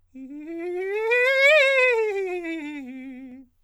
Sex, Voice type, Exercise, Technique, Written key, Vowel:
male, countertenor, scales, fast/articulated forte, C major, i